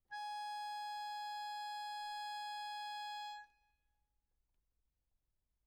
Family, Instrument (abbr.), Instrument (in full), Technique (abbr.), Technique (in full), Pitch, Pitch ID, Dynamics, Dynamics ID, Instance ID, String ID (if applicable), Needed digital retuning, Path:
Keyboards, Acc, Accordion, ord, ordinario, G#5, 80, mf, 2, 1, , FALSE, Keyboards/Accordion/ordinario/Acc-ord-G#5-mf-alt1-N.wav